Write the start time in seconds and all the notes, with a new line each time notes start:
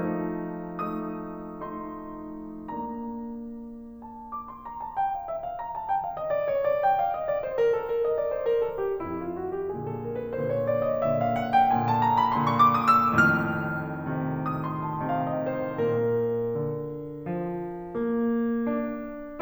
0.00 F3 A3 D#4
0.89 A3 D#4 D#6
1.64 A3 D#4 C6
2.71 A#3 D4 A#5
4.08 A5
4.27 D6
4.47 C6
4.66 A#5
4.82 A5
4.98 G5
5.13 F5
5.25 E5
5.41 F5
5.60 A#5
5.72 A5
5.85 G5
5.97 F5
6.11 D#5
6.23 D5
6.39 C#5
6.54 D5
6.84 G5
7.00 F5
7.17 D#5
7.30 D5
7.45 C5
7.57 A#4
7.71 A4
7.87 A#4
8.03 D#5
8.16 D5
8.30 C5
8.49 A#4
8.61 A4
8.80 G4
9.01 F2 E4
9.26 F4
9.40 F#4
9.56 G4
9.73 A#2 D3 G#4
9.87 A4
10.01 A#4
10.15 B4
10.31 A#2 D3 C5
10.46 C#5
10.69 D5
10.84 D#5
10.99 A#2 D3 E5
11.13 F5
11.30 F#5
11.46 G5
11.68 A#2 D3 G#5
11.87 A5
12.03 A#5
12.16 B5
12.34 A#2 D3 C6
12.45 C#6
12.56 D6
12.70 D#6
12.98 E6
13.22 F2 A2 D#3 F6
14.09 C3 D#3
14.48 D#6
14.68 C6
14.85 A5
15.01 C3 D#3 F5
15.19 D#5
15.44 C5
15.63 A4
15.78 A#2 A#4
16.59 D3
17.28 F3
17.91 A#3
18.70 D4